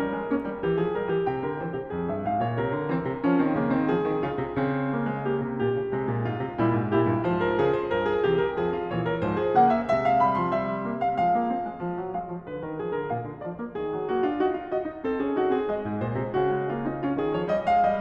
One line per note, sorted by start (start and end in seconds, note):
0.00 0.16 G3
0.00 0.82 A#4
0.16 0.31 G#3
0.31 0.45 A#3
0.31 0.64 C#4
0.45 0.64 G3
0.64 0.82 E3
0.64 1.44 G4
0.82 0.95 F3
0.82 0.95 G#4
0.95 1.10 G3
0.95 1.10 A#4
1.10 1.27 E3
1.10 1.27 G4
1.27 1.44 C3
1.27 2.09 G5
1.44 1.59 D3
1.44 1.59 A#4
1.59 1.75 E3
1.59 1.75 C#5
1.75 1.94 C3
1.75 1.94 G4
1.94 2.09 F2
1.94 2.57 G#4
2.09 2.26 G2
2.09 2.26 E5
2.26 2.41 G#2
2.26 2.41 F5
2.41 2.57 A#2
2.41 2.57 C#5
2.57 2.73 C3
2.57 3.85 A#4
2.73 2.93 D3
2.93 3.07 E3
2.93 3.22 C4
3.07 3.22 C3
3.22 3.37 F3
3.22 3.37 C#4
3.37 3.55 D#3
3.37 3.55 C4
3.55 3.72 C#3
3.55 3.72 A#3
3.72 3.85 D#3
3.72 3.85 C4
3.85 4.05 F3
3.85 5.22 G#4
4.05 4.23 D#3
4.23 4.40 C#3
4.23 4.54 F4
4.40 4.54 C3
4.54 5.45 C#3
4.54 4.90 C4
4.90 5.07 A#3
5.07 5.22 G#3
5.22 5.60 A#3
5.22 6.30 G4
5.45 5.60 C3
5.60 5.74 A#2
5.60 5.90 G4
5.74 5.90 C#3
5.90 6.07 C3
5.90 6.30 G#3
6.07 6.30 A#2
6.30 6.47 G#2
6.30 6.61 F4
6.47 6.61 C3
6.61 6.76 A#2
6.61 6.93 G3
6.61 6.93 E4
6.76 6.93 G#2
6.93 7.09 A#2
6.93 7.24 E4
6.93 7.24 G4
7.09 7.24 G2
7.24 7.59 G#2
7.24 7.94 F3
7.24 7.42 C5
7.42 7.59 A#4
7.59 7.94 C#3
7.59 7.74 G#4
7.74 7.94 C5
7.94 8.25 G2
7.94 8.08 A#4
8.08 8.25 G#4
8.25 8.54 C3
8.25 8.54 E3
8.25 8.37 G4
8.37 8.54 A#4
8.54 8.89 F2
8.54 8.89 F3
8.54 8.72 G#4
8.72 8.89 F4
8.89 9.22 A#2
8.89 9.22 E3
8.89 9.07 C#5
9.07 9.22 A#4
9.22 9.57 G#2
9.22 9.57 F3
9.22 9.38 C5
9.38 9.57 G#4
9.57 9.91 C#3
9.57 9.91 A#3
9.57 9.75 F#5
9.75 9.91 E5
9.91 11.20 C3
9.91 10.23 G#3
9.91 10.05 E5
10.05 10.23 F5
10.23 10.37 G3
10.23 10.37 B5
10.37 10.52 F3
10.37 10.52 C6
10.52 10.86 G3
10.52 10.57 E5
10.57 10.65 F5
10.65 10.72 E5
10.72 10.77 F5
10.77 10.82 E5
10.82 11.20 A#3
10.82 10.89 F5
10.89 11.01 E5
11.02 11.17 F5
11.20 11.83 F3
11.20 11.33 G#3
11.20 11.81 F5
11.33 11.49 A#3
11.49 11.64 C4
11.64 11.83 G#3
11.83 12.00 F3
12.00 12.14 F#3
12.14 12.25 G#3
12.14 12.42 F5
12.25 12.42 F3
12.42 12.60 D3
12.42 12.60 B4
12.60 12.78 D#3
12.60 12.78 A#4
12.78 12.92 F3
12.78 12.92 G#4
12.92 13.10 D3
12.92 13.10 A#4
13.10 13.24 A#2
13.10 13.42 F5
13.24 13.42 D3
13.42 13.56 F3
13.42 13.75 D5
13.56 13.75 A#3
13.75 13.93 D#3
13.75 14.09 G#4
13.93 14.09 F#3
14.09 14.25 A#3
14.09 14.25 F#4
14.25 14.38 D4
14.25 14.38 F4
14.38 14.54 D#4
14.38 14.69 F#4
14.54 14.69 F4
14.69 14.87 F#4
14.69 15.06 D#5
14.87 15.06 D#4
15.06 15.19 C4
15.06 15.19 A4
15.19 15.36 C#4
15.19 15.36 G#4
15.36 15.52 D#4
15.36 15.52 F#4
15.52 15.69 C4
15.52 15.69 G#4
15.69 16.47 G#3
15.69 16.02 D#5
15.82 16.02 G#2
16.02 16.20 A#2
16.02 16.37 C5
16.20 16.37 C3
16.37 17.19 C#3
16.37 16.72 F#4
16.52 16.72 G#3
16.72 16.88 A#3
16.72 16.90 F4
16.88 17.04 C4
16.88 17.04 D#4
17.04 17.35 C#4
17.04 17.19 F4
17.19 17.35 D#3
17.19 17.35 G#4
17.35 17.50 F3
17.35 17.50 C#5
17.50 17.68 G3
17.50 17.68 D#5
17.68 17.84 G#3
17.68 17.84 F5
17.84 18.01 G3
17.84 18.01 D#5